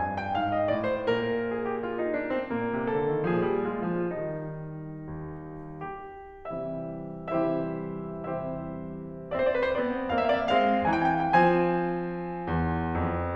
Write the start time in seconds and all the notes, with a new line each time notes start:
0.01 G2 G#5
0.18 G5
0.39 G#2 F5
0.57 D#5
0.71 A2 D5
0.92 C5
1.10 A#2 A#4
1.52 G#4
1.69 G4
1.84 F4
1.98 D#4
2.14 D4
2.32 C4
2.54 A#2 A#3
2.68 C3
2.86 D3 A4
3.09 D#3
3.30 A#2 F3 D4 G#4
3.45 G3
3.71 G#3 F4
3.93 F3
4.20 D#3 G3 D#4
5.32 D#2
5.82 G4
6.44 C3 E3 G3 C4 E4 G4 C5 E5
7.33 C3 E3 G3 C4 E4 G4 C5 E5
7.99 C3 E3 G3 C4 E4 G4 C5 E5
9.24 C4 C5
9.31 D5
9.36 C5
9.41 D5
9.48 C5
9.54 D5
9.58 B4
9.64 C5
9.71 B3 C4 D5
10.08 A#3 C4 E5
10.14 F5
10.19 E5 F5
10.29 E5
10.37 F5
10.43 D5
10.49 E5
10.54 G#3 C4 F5
10.93 E3 C4 G5
11.00 G#5
11.05 G5
11.13 G#5
11.19 G5
11.23 G#5
11.29 F5
11.34 G5
11.40 F3 C4 G#5
12.47 E2
12.96 F2